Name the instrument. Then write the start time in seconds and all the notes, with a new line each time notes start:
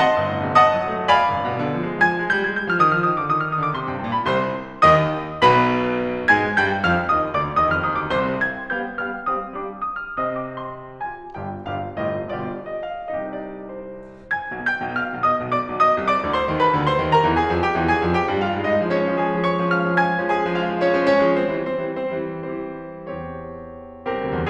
piano
0.01 D#5 F#5 A5 C6
0.16 G1
0.33 A2
0.47 C3
0.60 D#5 F#5 A5 D#6
0.73 F#3
0.88 A3
0.99 C4
1.11 D5 F5 B5
1.34 G1
1.49 B2
1.64 D3
1.79 F3
1.91 G#3
2.08 F3 G#5 G#6
2.22 G#3
2.34 G3 G6
2.46 G#3 G#6
2.58 G3 G6
2.70 F3 F6
2.82 D#3 D#6
2.95 F3 F6
3.07 D#3 D#6
3.16 D3 D6
3.27 D#3 D#6
3.37 F3 F6
3.47 D#3 D#6
3.59 D3 D6
3.74 C3 C6
3.88 G2 G5
4.03 A2 A5
4.16 B2 B5
4.32 C2 C3 C5 C6
4.85 D#2 D#3 D#5 D#6
5.46 B1 B2 B4 B5
6.28 G#2 G#3 G#5 G#6
6.53 G2 G3 G5 G6
6.84 F2 F3 F5 F6
7.10 D#2 D#3 D#5 D#6
7.31 D2 D3 D5 D6
7.55 D#2 D#5 D#6
7.74 F2 F6
7.87 D#2 D#6
7.99 D2 D6
8.11 C2 C3 C5 C6
8.35 F5 G5 G#6
8.61 G3 B3 F5 G5 G6
8.81 G3 B3 F5 G5 F6
9.08 G3 C4 F5 G5 D#6
9.39 G3 B3 F5 G5 D6
9.68 D#6
9.94 F6
10.21 C3 C4 D#5 G5 D#6
10.43 D6
10.59 C6
10.97 F4 G4 G#5
11.33 G1 G2 F4 G4 G5
11.65 G1 G2 F4 G4 F5
11.98 G1 A2 F4 G4 D#5
12.34 G1 B2 F4 G4 D5
12.68 D#5
12.85 F5
13.08 C2 C3 D#4 G4 D#5
13.31 D5
13.68 C5
14.22 G#5 G#6
14.46 B1 B2
14.62 G5 G6
14.83 B1 B2
14.98 F5 F6
15.12 B1 B2
15.25 D#5 D#6
15.42 B1 B2
15.55 D5 D6
15.69 B1 B2
15.82 D#5 D#6
15.95 C2 C3
16.10 D5 D6
16.24 D2 D3
16.36 C5 C6
16.49 D#2 D#3
16.61 B4 B5
16.74 D2 D3
16.84 C5 C6
16.99 D#2 D#3
17.12 A#4 A#5
17.24 E2 E3
17.35 G#4 G#5
17.48 F2 F3
17.61 G4 G5
17.75 E2 E3
17.89 G#4 G#5
18.02 F2 F3
18.16 G4 G5
18.28 G2 G3
18.42 F4 F5
18.58 G#2 G#3
18.71 D#4 D#5
18.85 F3 G#3
18.96 C#4 C#5
19.05 F3 G#3
19.21 G#4 G#5
19.35 F3 G#3 C#4
19.42 C#5 C#6
19.68 F5 F6
19.84 F3 G#3 C#4
20.00 G#5 G#6
20.20 F3 G#3 C#4
20.35 G#4 G#5
20.45 F3 G#3 C#4
20.54 F4 F5
20.67 F3 G#3 C#4
20.81 C#4 C#5
20.93 F3 G#3
21.05 C#4 C#5
21.18 F3 G#3
21.34 C4 C5
21.48 E3 G3
21.60 C4 C5
21.86 E3 G3
22.06 C4 C5
22.27 E3 G3
22.45 E3 G3 C4 G4 C5
23.19 E2 C4 G4 C#5
24.08 C2 C4 G4 A#4
24.25 D2
24.39 E2